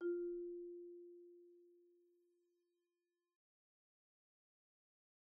<region> pitch_keycenter=65 lokey=63 hikey=68 volume=25.917888 offset=184 xfin_lovel=0 xfin_hivel=83 xfout_lovel=84 xfout_hivel=127 ampeg_attack=0.004000 ampeg_release=15.000000 sample=Idiophones/Struck Idiophones/Marimba/Marimba_hit_Outrigger_F3_med_01.wav